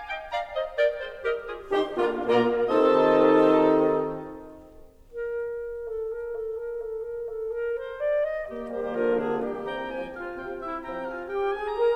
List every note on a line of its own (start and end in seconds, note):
0.00 0.33 D#5
0.00 0.33 G5
0.33 0.71 D5
0.33 0.71 F5
0.33 0.71 A#5
0.71 0.75 C5
0.71 0.75 D#5
0.75 0.93 A#4
0.75 0.93 D5
0.75 0.93 G5
0.93 1.22 G#4
0.93 1.22 C5
1.22 1.47 G4
1.22 1.47 A#4
1.22 1.47 D#5
1.47 1.72 F4
1.47 1.72 G#4
1.72 1.97 D#3
1.72 1.97 D#4
1.72 1.97 G4
1.72 1.97 C5
1.72 1.97 C6
1.97 2.29 D3
1.97 2.29 A#3
1.97 2.29 D4
1.97 2.29 F4
1.97 2.29 A#4
1.97 2.29 F5
2.29 2.61 A#2
2.29 2.61 A#3
2.29 2.61 F4
2.29 2.61 A#4
2.29 2.61 D5
2.29 2.61 A#5
2.61 3.84 C3
2.61 3.83 D#3
2.61 3.84 C4
2.61 3.83 D#4
2.61 3.84 F4
2.61 3.84 A4
2.61 3.84 D#5
2.61 3.84 A5
3.84 4.77 A#4
4.77 5.15 A4
5.15 5.65 A#4
5.65 6.04 A4
6.04 6.35 A#4
6.35 6.68 A4
6.68 7.07 A#4
7.07 7.45 A4
7.45 7.72 A#4
7.72 7.98 C5
7.98 8.30 D5
8.30 8.48 D#5
8.48 8.93 A#3
8.48 8.68 G4
8.68 8.94 D#3
8.68 8.94 G3
8.68 8.94 G4
8.68 8.94 C5
8.94 9.17 D3
8.94 9.17 F3
8.94 9.61 A#3
8.94 9.17 F4
8.94 9.17 A#4
9.17 9.42 A#2
9.17 9.42 D3
9.17 9.42 D4
9.17 9.42 G#4
9.42 9.62 D#3
9.42 9.62 G3
9.42 9.62 G4
9.42 9.89 G4
9.62 9.89 E3
9.62 9.89 C4
9.62 9.89 G5
9.62 9.89 A#5
9.89 10.18 F3
9.89 10.18 C4
9.89 10.18 G4
9.89 10.18 G5
9.89 10.18 G#5
10.18 10.63 F4
10.18 10.63 F5
10.37 10.63 C3
10.37 10.63 C4
10.37 10.63 G5
10.63 10.82 E4
10.63 10.82 E5
10.82 11.08 F3
10.82 11.08 C4
10.82 11.08 G4
10.82 11.08 G5
10.82 11.08 A#5
11.08 11.30 F4
11.08 11.30 F5
11.08 11.30 G#5
11.30 11.49 G4
11.30 11.51 G4
11.30 11.51 G5
11.51 11.69 G#4
11.51 11.69 G#5
11.69 11.95 A#4
11.69 11.96 A#4
11.69 11.96 A#5